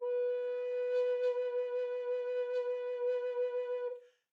<region> pitch_keycenter=71 lokey=71 hikey=71 tune=-3 volume=17.483960 offset=195 ampeg_attack=0.004000 ampeg_release=0.300000 sample=Aerophones/Edge-blown Aerophones/Baroque Bass Recorder/SusVib/BassRecorder_SusVib_B3_rr1_Main.wav